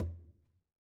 <region> pitch_keycenter=60 lokey=60 hikey=60 volume=26.060538 lovel=0 hivel=83 seq_position=2 seq_length=2 ampeg_attack=0.004000 ampeg_release=15.000000 sample=Membranophones/Struck Membranophones/Conga/Conga_HitFM_v1_rr2_Sum.wav